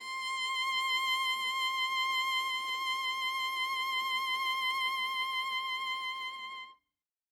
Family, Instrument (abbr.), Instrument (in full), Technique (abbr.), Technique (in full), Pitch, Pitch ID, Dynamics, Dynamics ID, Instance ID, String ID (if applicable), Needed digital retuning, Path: Strings, Va, Viola, ord, ordinario, C6, 84, ff, 4, 0, 1, TRUE, Strings/Viola/ordinario/Va-ord-C6-ff-1c-T17u.wav